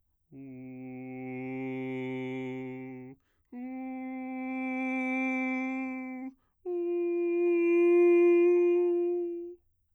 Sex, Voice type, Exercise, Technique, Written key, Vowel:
male, bass, long tones, messa di voce, , u